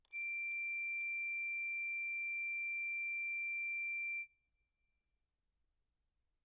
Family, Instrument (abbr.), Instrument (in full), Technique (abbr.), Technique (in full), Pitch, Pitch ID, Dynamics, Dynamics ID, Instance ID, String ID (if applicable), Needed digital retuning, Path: Keyboards, Acc, Accordion, ord, ordinario, D7, 98, mf, 2, 1, , FALSE, Keyboards/Accordion/ordinario/Acc-ord-D7-mf-alt1-N.wav